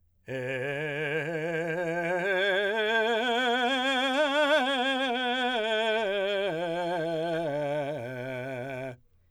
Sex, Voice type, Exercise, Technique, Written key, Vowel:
male, , scales, slow/legato forte, C major, e